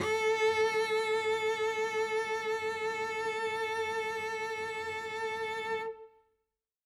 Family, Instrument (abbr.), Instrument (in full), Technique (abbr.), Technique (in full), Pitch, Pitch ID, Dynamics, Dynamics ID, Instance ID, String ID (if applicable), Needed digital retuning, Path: Strings, Vc, Cello, ord, ordinario, A4, 69, ff, 4, 1, 2, FALSE, Strings/Violoncello/ordinario/Vc-ord-A4-ff-2c-N.wav